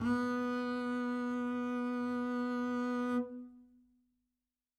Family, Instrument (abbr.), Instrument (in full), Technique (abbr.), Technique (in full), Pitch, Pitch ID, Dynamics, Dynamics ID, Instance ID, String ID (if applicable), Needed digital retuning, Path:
Strings, Cb, Contrabass, ord, ordinario, B3, 59, mf, 2, 0, 1, FALSE, Strings/Contrabass/ordinario/Cb-ord-B3-mf-1c-N.wav